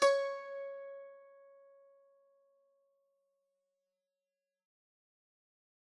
<region> pitch_keycenter=73 lokey=73 hikey=74 volume=4.208110 lovel=66 hivel=99 ampeg_attack=0.004000 ampeg_release=0.300000 sample=Chordophones/Zithers/Dan Tranh/Normal/C#4_f_1.wav